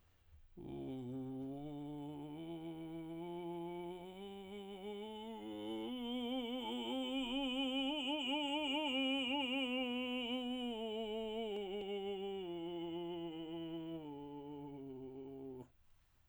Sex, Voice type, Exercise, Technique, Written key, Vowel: male, tenor, scales, vocal fry, , u